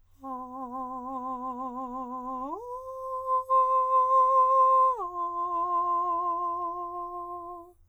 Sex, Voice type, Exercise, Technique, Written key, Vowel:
male, countertenor, long tones, full voice pianissimo, , a